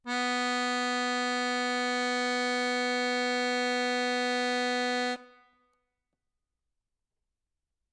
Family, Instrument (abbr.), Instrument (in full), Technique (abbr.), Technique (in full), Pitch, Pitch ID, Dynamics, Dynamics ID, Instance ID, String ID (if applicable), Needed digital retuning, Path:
Keyboards, Acc, Accordion, ord, ordinario, B3, 59, ff, 4, 0, , FALSE, Keyboards/Accordion/ordinario/Acc-ord-B3-ff-N-N.wav